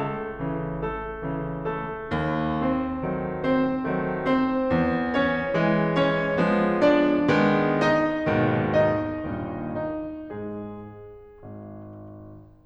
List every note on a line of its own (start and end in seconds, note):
0.00 0.84 A3
0.00 0.84 A4
0.48 1.24 C#3
0.48 1.24 E3
0.85 1.63 A3
0.85 1.63 A4
1.25 2.00 C#3
1.25 2.00 E3
1.64 2.51 A3
1.64 2.51 A4
2.01 3.05 D#2
2.59 3.41 C4
2.59 3.41 C5
3.07 3.85 D#3
3.07 3.85 F#3
3.07 3.85 A3
3.42 4.23 C4
3.42 4.23 C5
3.87 4.69 D#3
3.87 4.69 F#3
3.87 4.69 A3
4.24 5.07 C4
4.24 5.07 C5
4.70 5.60 E2
5.10 5.97 C#4
5.10 5.97 C#5
5.61 6.37 E3
5.61 6.37 G#3
5.98 6.82 C#4
5.98 6.82 C#5
6.40 7.21 F3
6.40 7.21 G#3
6.40 7.21 B3
6.83 7.79 D4
6.83 7.79 D5
7.24 8.27 D#3
7.24 8.27 G#3
7.24 8.27 B3
7.81 8.77 D#4
7.81 8.77 D#5
8.28 9.29 D#2
8.28 9.29 G#2
8.28 9.29 B2
8.28 9.29 D#3
8.79 9.75 D#4
8.79 9.75 D#5
9.30 10.32 D#2
9.30 10.32 G2
9.30 10.32 A#2
9.30 10.32 D#3
9.76 10.32 D#4
9.76 10.32 D#5
10.33 11.40 G#2
10.33 11.40 G#3
10.33 11.40 G#4
11.44 12.64 G#1